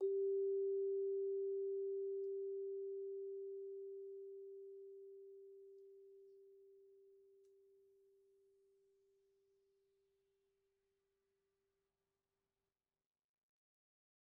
<region> pitch_keycenter=67 lokey=66 hikey=69 volume=20.889191 offset=134 lovel=0 hivel=83 ampeg_attack=0.004000 ampeg_release=15.000000 sample=Idiophones/Struck Idiophones/Vibraphone/Soft Mallets/Vibes_soft_G3_v1_rr1_Main.wav